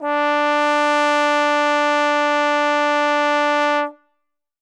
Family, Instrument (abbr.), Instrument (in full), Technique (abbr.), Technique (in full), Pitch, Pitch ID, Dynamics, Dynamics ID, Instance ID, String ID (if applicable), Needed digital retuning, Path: Brass, Tbn, Trombone, ord, ordinario, D4, 62, ff, 4, 0, , FALSE, Brass/Trombone/ordinario/Tbn-ord-D4-ff-N-N.wav